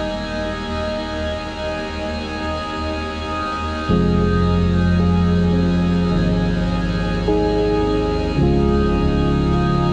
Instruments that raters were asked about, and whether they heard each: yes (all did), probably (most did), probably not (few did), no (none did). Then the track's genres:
accordion: no
Soundtrack; Ambient Electronic; Ambient; Minimalism